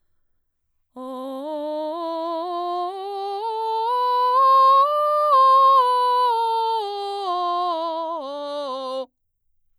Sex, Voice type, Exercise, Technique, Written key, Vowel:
female, mezzo-soprano, scales, slow/legato forte, C major, o